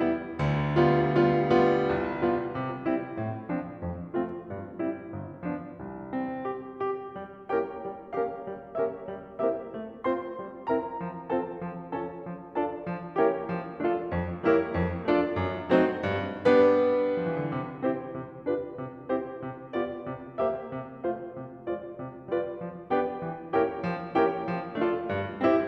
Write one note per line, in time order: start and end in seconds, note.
0.01 0.33 G3
0.01 0.33 B3
0.01 0.33 E4
0.34 1.90 D2
0.34 1.90 D3
0.76 1.21 G3
0.76 1.21 B3
0.76 1.21 F4
1.21 1.58 G3
1.21 1.58 B3
1.21 1.58 F4
1.60 1.90 G3
1.60 1.90 B3
1.60 1.90 F4
1.91 2.21 C2
2.21 2.51 G3
2.21 2.51 B3
2.21 2.51 F4
2.53 2.85 C3
2.86 3.18 G3
2.86 3.18 C4
2.86 3.18 E4
3.18 3.56 A2
3.56 3.81 F3
3.56 3.81 C4
3.56 3.81 D4
3.83 4.15 F2
4.16 4.42 A3
4.16 4.42 C4
4.16 4.42 F4
4.42 4.73 G2
4.74 5.02 G3
4.74 5.02 C4
4.74 5.02 E4
5.03 5.42 G1
5.42 5.73 F3
5.42 5.73 B3
5.42 5.73 D4
5.73 6.05 C2
6.07 6.44 C4
6.45 6.81 G4
6.81 7.16 G4
7.17 7.51 G3
7.52 7.81 A#3
7.52 7.81 C#4
7.52 7.81 E4
7.52 7.81 G4
7.52 7.81 A#4
7.52 7.81 C#5
7.52 7.81 G5
7.82 8.12 G3
8.12 8.36 A#3
8.12 8.36 C#4
8.12 8.36 E4
8.12 8.36 G4
8.12 8.36 A#4
8.12 8.36 C#5
8.12 8.36 F5
8.38 8.64 G3
8.66 9.00 A#3
8.66 9.00 C#4
8.66 9.00 E4
8.66 9.00 G4
8.66 9.00 A#4
8.66 9.00 C#5
8.66 9.00 E5
9.00 9.34 G3
9.34 9.67 A#3
9.34 9.67 C4
9.34 9.67 E4
9.34 9.67 G4
9.34 9.67 A#4
9.34 9.67 C5
9.34 9.67 E5
9.68 10.04 A3
10.05 10.34 C4
10.05 10.34 F4
10.05 10.34 C5
10.05 10.34 F5
10.05 10.34 C6
10.34 10.64 G3
10.66 10.97 C4
10.66 10.97 E4
10.66 10.97 A#4
10.66 10.97 C5
10.66 10.97 E5
10.66 10.97 A#5
10.98 11.28 F3
11.28 11.58 C4
11.28 11.58 F4
11.28 11.58 A4
11.28 11.58 C5
11.28 11.58 F5
11.28 11.58 A5
11.59 11.89 F3
11.91 12.21 C#4
11.91 12.21 F4
11.91 12.21 A4
11.91 12.21 C#5
11.91 12.21 F5
11.91 12.21 A5
12.22 12.52 F3
12.52 12.85 D4
12.52 12.85 F4
12.52 12.85 A4
12.52 12.85 D5
12.52 12.85 F5
12.52 12.85 A5
12.86 13.17 F3
13.18 13.44 A#3
13.18 13.44 C#4
13.18 13.44 E4
13.18 13.44 G4
13.18 13.44 A#4
13.18 13.44 C#5
13.18 13.44 E5
13.18 13.44 G5
13.44 13.78 F3
13.79 14.11 A3
13.79 14.11 D4
13.79 14.11 F4
13.79 14.11 A4
13.79 14.11 D5
13.79 14.11 F5
14.12 14.46 F2
14.46 14.76 G3
14.46 14.76 A#3
14.46 14.76 E4
14.46 14.76 G4
14.46 14.76 A#4
14.46 14.76 C#5
14.46 14.76 E5
14.76 15.06 F2
15.08 15.37 F3
15.08 15.37 A3
15.08 15.37 D4
15.08 15.37 F4
15.08 15.37 A4
15.08 15.37 D5
15.39 15.74 F#2
15.74 16.09 F#3
15.74 16.09 A3
15.74 16.09 C4
15.74 16.09 D#4
15.74 16.09 F#4
15.74 16.09 A4
15.74 16.09 C5
16.10 16.48 G2
16.49 17.21 G3
16.49 17.51 B3
16.49 17.51 D4
16.49 17.51 G4
16.49 17.51 B4
17.21 17.30 F3
17.32 17.40 E3
17.40 17.51 D3
17.53 17.87 C3
17.89 18.21 C4
17.89 18.21 E4
17.89 18.21 G4
17.89 18.21 C5
18.21 18.51 C3
18.52 18.76 D4
18.52 18.76 F4
18.52 18.76 G4
18.52 18.76 B4
18.77 19.06 C3
19.06 19.38 C4
19.06 19.38 E4
19.06 19.38 G4
19.06 19.38 C5
19.38 19.74 C3
19.75 20.06 B3
19.75 20.06 F4
19.75 20.06 G4
19.75 20.06 D5
20.07 20.36 C3
20.36 20.61 A#3
20.36 20.61 G4
20.36 20.61 C5
20.36 20.61 E5
20.63 21.01 C3
21.01 21.33 A3
21.01 21.33 F4
21.01 21.33 C5
21.01 21.33 F5
21.33 21.66 C3
21.66 22.00 G#3
21.66 22.00 F4
21.66 22.00 C5
21.66 22.00 D5
22.01 22.32 C3
22.32 22.61 G3
22.32 22.61 F4
22.32 22.61 B4
22.32 22.61 D5
22.61 22.88 F3
22.89 23.17 B3
22.89 23.17 D4
22.89 23.17 G4
22.89 23.17 B4
22.89 23.17 D5
22.89 23.17 G5
23.18 23.52 E3
23.52 23.86 A#3
23.52 23.86 C#4
23.52 23.86 E4
23.52 23.86 G4
23.52 23.86 A#4
23.52 23.86 C#5
23.52 23.86 G5
23.86 24.19 F3
24.19 24.50 A#3
24.19 24.50 C#4
24.19 24.50 E4
24.19 24.50 G4
24.19 24.50 A#4
24.19 24.50 C#5
24.19 24.50 G5
24.51 24.79 F3
24.79 24.99 A3
24.79 24.99 D4
24.79 24.99 F4
24.79 24.99 A4
24.79 24.99 D5
24.79 24.99 F5
25.00 25.36 G2
25.37 25.68 G3
25.37 25.68 C4
25.37 25.68 E4
25.37 25.68 G4
25.37 25.68 C5
25.37 25.68 E5